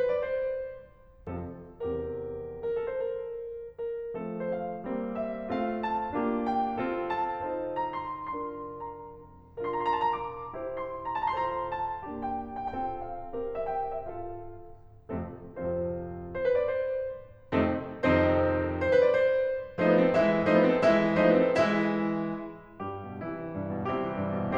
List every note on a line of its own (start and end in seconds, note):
0.00 0.09 C5
0.09 0.17 B4
0.22 0.34 D5
0.35 0.94 C5
1.28 1.70 F2
1.28 1.70 C3
1.28 1.70 F3
1.28 1.70 C4
1.28 1.70 F4
1.28 1.70 A4
1.71 2.32 E2
1.71 2.32 C3
1.71 2.32 E3
1.71 2.32 C4
1.71 2.32 G4
1.71 2.32 A#4
2.64 2.74 A#4
2.74 2.84 A4
2.86 2.97 C5
2.97 3.52 A#4
3.82 4.16 A#4
4.17 4.84 F3
4.17 4.84 A3
4.17 4.84 C4
4.17 4.41 A4
4.41 4.49 C5
4.50 5.17 F5
4.84 5.51 G3
4.84 5.51 A#3
4.84 5.51 C4
5.17 5.51 E5
5.51 6.15 A3
5.51 6.15 C4
5.51 6.15 F4
5.51 5.83 F5
5.84 6.51 A5
6.16 6.78 A#3
6.16 6.78 D4
6.16 6.78 F4
6.16 6.78 G4
6.52 7.06 G5
6.78 7.43 C4
6.78 7.43 F4
6.78 7.43 A4
7.06 7.76 A5
7.43 8.34 D#4
7.43 8.34 F4
7.43 8.34 A4
7.43 8.34 C5
7.77 7.98 A#5
7.98 8.34 C6
8.34 9.15 D4
8.34 9.15 F4
8.34 9.15 A#4
8.34 8.79 C6
8.80 9.15 A#5
9.83 10.54 D4
9.83 10.54 F4
9.83 10.54 A#4
9.83 10.02 A#5
9.95 10.10 C6
10.04 10.17 A5
10.11 10.24 A#5
10.17 10.91 D6
10.54 11.37 E4
10.54 11.37 G4
10.54 11.37 C5
10.91 11.12 C6
11.12 11.37 A#5
11.38 12.04 F4
11.38 12.04 A4
11.38 12.04 C5
11.38 11.52 A5
11.45 11.63 A#5
11.54 11.70 C6
11.63 11.78 A#5
11.71 12.28 A5
12.05 12.67 A#3
12.05 12.67 D4
12.05 12.67 G4
12.28 12.34 G5
12.35 12.57 A#5
12.59 12.67 G5
12.67 13.31 C4
12.67 13.31 F4
12.67 13.31 A4
12.67 13.00 G5
13.00 13.54 F5
13.31 14.02 C4
13.31 14.02 G4
13.31 14.02 A#4
13.54 13.61 E5
13.62 13.91 G5
13.91 14.02 E5
14.04 14.80 F4
14.04 14.80 A4
14.04 14.80 F5
15.12 15.43 F2
15.12 15.43 C3
15.12 15.43 F3
15.12 15.43 A3
15.12 15.43 C4
15.12 15.43 F4
15.12 15.43 A4
15.43 16.10 F2
15.43 16.10 C3
15.43 16.10 F3
15.43 16.10 C4
15.43 16.10 F4
15.43 16.10 A4
15.43 16.10 C5
16.42 16.50 C5
16.50 16.57 B4
16.58 16.65 D5
16.65 17.17 C5
17.52 17.84 F2
17.52 17.84 C3
17.52 17.84 D#3
17.52 17.84 A3
17.52 17.84 C4
17.52 17.84 D#4
17.52 17.84 A4
17.86 18.52 F2
17.86 18.52 C3
17.86 18.52 D#3
17.86 18.52 C4
17.86 18.52 D#4
17.86 18.52 A4
17.86 18.52 C5
18.83 18.92 C5
18.94 19.03 B4
19.04 19.11 D5
19.11 19.56 C5
19.82 20.11 F3
19.82 19.90 A3
19.82 20.11 D#4
19.82 19.90 C5
19.90 20.00 B3
19.90 20.00 B4
20.02 20.11 C4
20.02 20.11 A4
20.12 20.48 E3
20.12 20.48 G#3
20.12 20.48 E4
20.12 20.48 E5
20.48 20.77 F3
20.48 20.57 A3
20.48 20.77 D#4
20.48 20.57 C5
20.58 20.68 B3
20.58 20.68 B4
20.69 20.77 C4
20.69 20.77 A4
20.77 21.18 E3
20.77 21.18 G#3
20.77 21.18 E4
20.77 21.18 E5
21.18 21.57 F3
21.18 21.29 A3
21.18 21.57 D#4
21.18 21.29 C5
21.30 21.42 B3
21.30 21.42 B4
21.42 21.57 C4
21.42 21.57 A4
21.65 22.43 E3
21.65 22.43 G#3
21.65 22.43 E4
21.65 22.43 E5
22.83 23.03 G2
22.83 23.27 G3
22.83 23.27 G4
23.03 23.27 B2
23.27 23.44 C3
23.27 23.90 E3
23.27 23.90 E4
23.44 23.61 E3
23.61 23.77 G2
23.78 23.90 B2
23.92 24.08 C3
23.92 24.57 G3
23.92 24.57 C4
23.92 24.57 E4
23.92 24.57 G4
24.09 24.23 E3
24.24 24.38 G2
24.39 24.57 B2